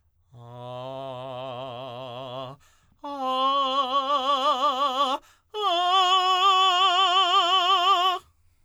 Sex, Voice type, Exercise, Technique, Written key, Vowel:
male, tenor, long tones, trill (upper semitone), , a